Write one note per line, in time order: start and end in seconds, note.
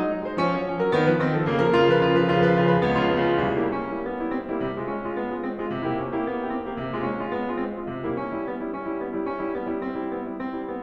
0.00 0.26 F#3
0.00 0.26 D#4
0.26 0.39 G#3
0.26 0.39 C5
0.42 0.52 F3
0.42 0.52 C#4
0.52 0.64 G#3
0.52 0.64 C#5
0.65 0.79 F3
0.65 0.79 C#4
0.79 0.93 F#3
0.79 0.93 A#4
0.93 1.07 D#3
0.93 1.07 B3
1.08 1.18 F#3
1.08 1.18 B4
1.18 1.32 D#3
1.18 1.32 C4
1.34 1.47 F3
1.34 1.47 A4
1.47 1.59 C#3
1.47 1.59 A#3
1.59 1.70 F3
1.59 1.70 A#4
1.71 1.82 C#3
1.71 1.82 F4
1.82 1.93 F3
1.82 1.93 A#4
1.93 2.04 C#3
1.93 2.04 F4
2.05 2.16 F3
2.05 2.16 A#4
2.16 2.31 C#3
2.16 2.31 F4
2.32 2.48 F3
2.32 2.48 B4
2.48 2.62 C#3
2.48 2.62 F4
2.62 2.88 F3
2.62 2.88 B4
2.89 3.00 C#2
2.89 3.00 B3
3.00 3.13 C#3
3.00 3.13 F4
3.15 3.32 C#2
3.15 3.32 B3
3.32 3.45 C#3
3.32 3.45 F4
3.45 3.68 C2
3.45 3.68 C3
3.56 3.68 G3
3.56 3.68 A#3
3.56 3.68 E4
3.68 4.05 C#4
3.83 4.05 G3
3.83 4.05 A#3
3.83 4.05 E4
4.05 4.42 B3
4.26 4.42 G3
4.26 4.42 A#3
4.26 4.42 E4
4.46 4.68 C4
4.57 4.68 G3
4.57 4.68 A#3
4.57 4.68 E4
4.68 4.95 C3
4.84 4.95 A3
4.84 4.95 F4
4.95 5.19 C#4
5.05 5.19 A3
5.05 5.19 F4
5.19 5.41 B3
5.29 5.41 A3
5.29 5.41 F4
5.43 5.64 C4
5.53 5.64 A3
5.53 5.64 F4
5.65 5.91 C3
5.79 5.91 A#3
5.79 5.91 E4
5.79 5.91 G4
5.91 6.28 C#4
6.16 6.28 A#3
6.16 6.28 E4
6.16 6.28 G4
6.28 6.52 B3
6.43 6.52 A#3
6.43 6.52 E4
6.43 6.52 G4
6.54 6.75 C4
6.66 6.75 A#3
6.66 6.75 E4
6.66 6.75 G4
6.76 7.02 C3
6.90 7.02 G#3
6.90 7.02 F4
7.02 7.33 C#4
7.19 7.33 G#3
7.19 7.33 F4
7.33 7.58 B3
7.51 7.58 G#3
7.51 7.58 F4
7.58 7.96 C4
7.80 7.96 G#3
7.80 7.96 F4
7.98 8.25 E3
8.09 8.25 G3
8.09 8.25 A#3
8.09 8.25 E4
8.25 8.50 D4
8.37 8.50 G3
8.37 8.50 E4
8.50 8.61 B3
8.63 8.74 G3
8.63 8.74 E4
8.74 8.97 D4
8.88 8.97 G3
8.88 8.97 E4
8.99 9.08 B3
9.08 9.30 G3
9.08 9.30 E4
9.31 9.53 D4
9.40 9.53 G3
9.40 9.53 E4
9.53 9.67 B3
9.68 9.90 G3
9.68 9.90 E4
9.90 10.15 D4
10.04 10.15 G3
10.04 10.15 E4
10.15 10.26 B3
10.26 10.36 G3
10.26 10.36 E4
10.38 10.68 C4
10.50 10.68 G3
10.50 10.68 E4
10.68 10.82 B3